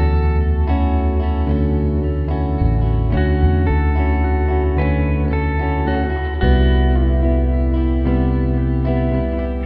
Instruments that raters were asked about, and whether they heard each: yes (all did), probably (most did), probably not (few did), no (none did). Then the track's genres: guitar: probably
trombone: no
Pop; Electronic; Folk; Indie-Rock